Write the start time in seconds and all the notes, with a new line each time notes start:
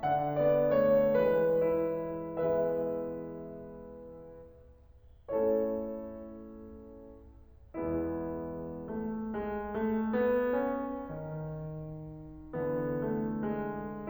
0.00 D3 D4 F#5
0.39 B3 D5
0.74 A3 C#5
1.24 E3 G#3 B4
1.65 E4
2.32 E3 G#3 B3 E4 G#4 B4 E5
5.29 A3 C#4 E4 A4 C#5
7.79 E2 E3 G#3 B3 E4
8.82 A3
9.29 G#3
9.71 A3
10.16 B3
10.58 C#4
11.12 D#3
12.54 D3 E3 B3
13.01 A3
13.47 G#3